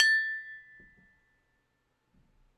<region> pitch_keycenter=81 lokey=81 hikey=82 tune=-14 volume=0.770523 lovel=100 hivel=127 ampeg_attack=0.004000 ampeg_release=30.000000 sample=Idiophones/Struck Idiophones/Tubular Glockenspiel/A0_loud1.wav